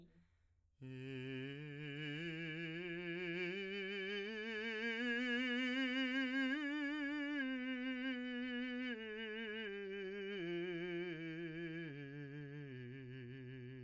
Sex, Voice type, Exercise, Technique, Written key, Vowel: male, , scales, slow/legato piano, C major, i